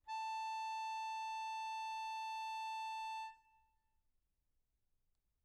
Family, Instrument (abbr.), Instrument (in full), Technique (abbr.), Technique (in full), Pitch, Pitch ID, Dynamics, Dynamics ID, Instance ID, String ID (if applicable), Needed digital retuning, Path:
Keyboards, Acc, Accordion, ord, ordinario, A5, 81, mf, 2, 3, , FALSE, Keyboards/Accordion/ordinario/Acc-ord-A5-mf-alt3-N.wav